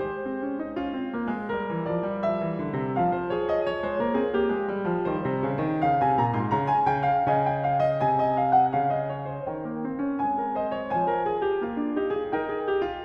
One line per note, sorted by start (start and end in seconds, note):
0.00 1.49 C5
0.21 0.43 C4
0.43 0.59 C#4
0.59 0.75 D#4
0.75 0.94 C#4
0.75 1.49 F4
0.94 1.13 C4
1.13 1.30 A#3
1.30 1.47 G#3
1.49 2.97 A#4
1.65 1.85 E3
1.85 2.02 F3
1.85 2.26 D5
2.02 2.24 G3
2.24 2.41 F3
2.24 2.97 E5
2.41 2.58 E3
2.58 2.77 D3
2.77 2.96 C3
2.97 3.13 F5
3.13 3.30 C5
3.30 3.63 G#4
3.30 3.49 C#5
3.49 3.63 D#5
3.63 5.09 C#5
3.76 3.97 G#3
3.76 3.98 C5
3.97 4.13 A#3
3.97 4.16 A#4
4.13 4.31 C4
4.13 4.34 G#4
4.31 4.47 A#3
4.31 5.09 G4
4.47 4.68 G#3
4.68 4.91 G3
4.91 5.07 F3
5.07 5.28 D#3
5.07 5.48 G3
5.07 5.85 C5
5.28 5.48 C3
5.48 5.65 C#3
5.65 5.84 D#3
5.84 6.01 C#3
6.01 6.20 C3
6.01 6.21 G#5
6.20 6.36 A#2
6.20 6.37 A#5
6.36 6.52 G#2
6.36 6.55 C6
6.52 6.87 C#3
6.52 6.75 A#5
6.75 6.91 G#5
6.90 7.23 C#3
6.90 7.09 G5
7.09 7.27 F5
7.27 8.02 C#3
7.27 7.45 G#5
7.45 7.69 G5
7.69 7.87 F5
7.87 8.02 D#5
8.02 8.79 C3
8.02 9.46 G#5
8.20 8.38 D#5
8.38 8.59 F5
8.59 8.80 F#5
8.79 9.46 C#3
8.79 9.00 F5
9.00 9.16 D#5
9.16 9.33 C#5
9.33 9.46 C5
9.46 10.19 D#3
9.46 10.19 A#4
9.46 10.19 G5
9.61 9.79 A#3
9.79 9.96 C4
9.96 10.19 C#4
10.19 10.95 G#3
10.19 10.95 C4
10.19 10.58 G#5
10.38 10.58 A#4
10.58 10.75 C5
10.58 10.96 D#5
10.75 10.96 C#5
10.95 11.66 F3
10.95 11.09 C5
10.95 12.33 G#5
11.09 11.25 A#4
11.25 11.49 G#4
11.49 11.66 G4
11.66 11.95 A#3
11.66 11.96 F4
11.78 11.95 D4
11.95 12.12 D#4
11.95 12.13 G4
12.12 12.32 F4
12.12 12.33 G#4
12.32 13.04 D#4
12.32 12.50 A#4
12.32 13.05 G5
12.50 12.68 G#4
12.68 12.86 G4
12.86 13.05 F4